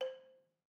<region> pitch_keycenter=72 lokey=69 hikey=74 volume=12.194576 offset=186 lovel=66 hivel=99 ampeg_attack=0.004000 ampeg_release=30.000000 sample=Idiophones/Struck Idiophones/Balafon/Soft Mallet/EthnicXylo_softM_C4_vl2_rr1_Mid.wav